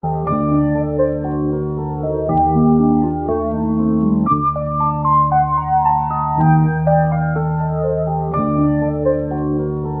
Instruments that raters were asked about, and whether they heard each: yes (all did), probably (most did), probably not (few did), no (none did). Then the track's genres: organ: probably not
mallet percussion: probably
Electronic; Hip-Hop Beats; Instrumental